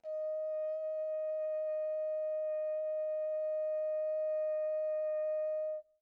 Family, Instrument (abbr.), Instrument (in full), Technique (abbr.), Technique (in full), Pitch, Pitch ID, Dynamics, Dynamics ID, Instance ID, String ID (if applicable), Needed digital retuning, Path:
Brass, Hn, French Horn, ord, ordinario, D#5, 75, pp, 0, 0, , FALSE, Brass/Horn/ordinario/Hn-ord-D#5-pp-N-N.wav